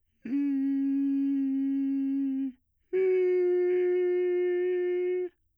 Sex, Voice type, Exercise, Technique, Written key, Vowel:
male, bass, long tones, inhaled singing, , i